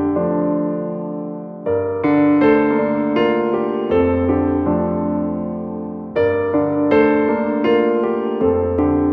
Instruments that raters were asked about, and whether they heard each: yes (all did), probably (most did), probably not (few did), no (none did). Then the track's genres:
piano: yes
Electronic; Hip-Hop Beats; Instrumental